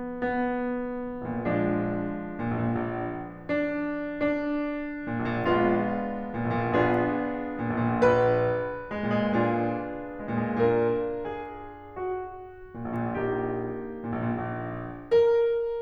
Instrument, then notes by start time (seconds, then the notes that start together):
piano
0.02 B3
1.25 A#2
1.39 A#1
1.48 A#2
1.58 A#1 F3 G#3 B3 D4
2.54 A#2
2.66 A#1
2.78 A#2
2.86 A#1
3.48 D4
4.13 D4
5.10 A#2
5.21 A#1
5.30 A#2
5.45 A#1 G#3 B3 D4 F4
6.34 A#2
6.44 A#1
6.54 A#2
6.62 A#1 B3 D4 F4 G#4
7.56 A#2
7.69 A#1
7.87 A#2
7.97 A#1 B4
8.97 G#3
9.07 A#2
9.21 G#3
9.32 A#2 D4 F4 G#4
10.26 G#3
10.36 A#2
10.54 G#3
10.65 A#2 D4 F4 A#4
11.35 G#4
11.96 F#4
12.73 A#2
12.85 A#1
12.95 A#2
13.09 A#1 A#3 D#4 G4
14.04 A#2
14.15 A#1
14.24 A#2
14.39 A#1
15.13 A#4